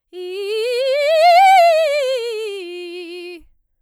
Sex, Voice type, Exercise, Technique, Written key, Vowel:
female, soprano, scales, fast/articulated forte, F major, i